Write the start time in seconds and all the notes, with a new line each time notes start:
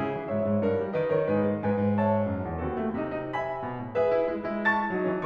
0.00 C#3 E4 G#4
0.16 E3
0.27 G#2 C#5 E5
0.41 G#2
0.55 G2 A#4
0.70 G3
0.94 D#3 B4 D#5
1.09 D#3 A#4 C#5
1.27 G#2 D#4 G#4 B4
1.46 G#3
1.67 G#2 B4 D#5 G#5
1.82 G#2
2.00 C#5 E5 A5
2.29 F#2
2.46 E2
2.61 D#2 C4 F#4 A4
2.76 A3
2.94 C3 D#4
3.12 D#4
3.29 E5 G#5 B5
3.61 B2
3.83 A2
3.98 G#2 G#4 B4 E5
4.17 E4
4.34 G#3 E4
4.50 E4
4.63 A5 C#6 A6
4.92 F#3 D#4
5.11 E3 C#4